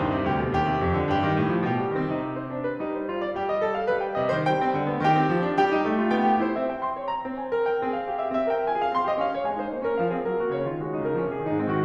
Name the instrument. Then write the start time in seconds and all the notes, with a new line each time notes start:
piano
0.00 G2
0.21 C3
0.31 D2 G4
0.42 B2
0.65 D#2 G4
0.78 C3
0.91 F2
1.02 D3
1.14 G2 G4
1.31 D#3
1.45 A2
1.56 F3
1.67 B2 G4
1.79 G3
1.96 D#3 C4
2.11 C3 D#4
2.22 G4
2.32 C5
2.52 G3 D4
2.65 B4
2.83 G3 D#4
2.97 C5
3.09 F4
3.25 D5
3.37 G3 G4
3.49 D#5
3.60 A4
3.73 F5
3.85 G3 B4
4.01 G5
4.20 C3 D#5
4.30 D#3 C5
4.49 G3 G5
4.68 C4
4.77 D3
4.89 B3
5.11 D#3 G4 G5
5.21 C4
5.35 F3
5.49 D4
5.60 G3 G4 G5
5.75 D#4
5.84 A3
6.00 F4
6.11 B3 G5
6.26 G4
6.43 F4 C5
6.57 C4 E5
6.72 G5
6.83 C6
7.00 C#5
7.11 A#5
7.28 C4 C5
7.41 G#5
7.52 A#4
7.66 G5
7.81 C4 G#4
7.92 F5
8.07 G4
8.21 E5
8.35 C4 E5
8.58 A#4 G5
8.70 F4 G#5
8.80 G#4 F5
8.93 C4 C6
9.08 G4 D#5
9.21 C#4 F5
9.36 F4 C#5
9.46 G#3 G#5
9.65 D#4 C5
9.76 A#3 C#5
9.87 C#4 A#4
10.00 F3 F5
10.11 C4 G#4
10.27 F#3 A#4
10.39 A#3 F#4
10.53 C#3 C#5
10.66 G#3 F4
10.75 D#3 F#4
10.94 F#3 D#4
11.06 C#3 A#4
11.20 F3 A#3
11.32 C3 G#4
11.42 D#3 D#4
11.58 G#2 C4
11.74 D#3 F#4